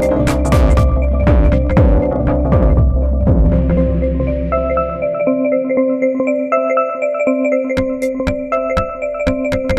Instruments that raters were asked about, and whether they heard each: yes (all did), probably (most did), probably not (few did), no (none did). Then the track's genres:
mallet percussion: yes
Techno; IDM